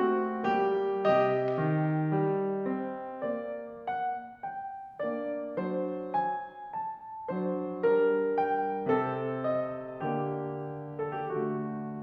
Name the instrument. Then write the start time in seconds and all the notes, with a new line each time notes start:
piano
0.01 A3 C4 F#4
0.48 G3 A#3 G4
1.13 C3 D#4 D#5
1.63 D#3
2.13 G3
2.71 C4
3.30 A#3 D5
3.86 F#5
4.44 G5
5.03 A#3 D4 D5
5.59 F#3 D4 C5
6.15 G#5
6.75 A5
7.32 F#3 D4 C5
7.94 G3 D4 A#4
8.36 G5
8.90 C3 C4 A4
9.40 D#5
10.03 D3 A#3 G4
10.99 A4
11.20 G4
11.41 A3 F#4